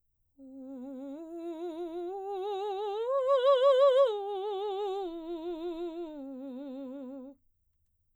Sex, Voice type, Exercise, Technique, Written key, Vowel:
female, soprano, arpeggios, slow/legato piano, C major, u